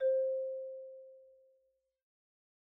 <region> pitch_keycenter=60 lokey=58 hikey=63 volume=9.101473 lovel=0 hivel=83 ampeg_attack=0.004000 ampeg_release=15.000000 sample=Idiophones/Struck Idiophones/Xylophone/Soft Mallets/Xylo_Soft_C4_pp_01_far.wav